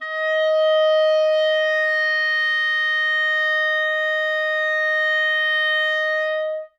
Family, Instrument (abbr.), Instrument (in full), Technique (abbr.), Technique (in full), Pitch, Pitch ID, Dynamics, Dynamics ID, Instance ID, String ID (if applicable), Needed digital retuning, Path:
Winds, ClBb, Clarinet in Bb, ord, ordinario, D#5, 75, ff, 4, 0, , TRUE, Winds/Clarinet_Bb/ordinario/ClBb-ord-D#5-ff-N-T11u.wav